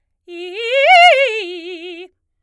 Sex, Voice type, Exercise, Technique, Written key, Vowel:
female, soprano, arpeggios, fast/articulated forte, F major, i